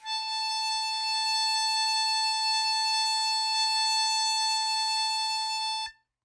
<region> pitch_keycenter=81 lokey=80 hikey=82 volume=14.108568 trigger=attack ampeg_attack=0.004000 ampeg_release=0.100000 sample=Aerophones/Free Aerophones/Harmonica-Hohner-Special20-F/Sustains/HandVib/Hohner-Special20-F_HandVib_A4.wav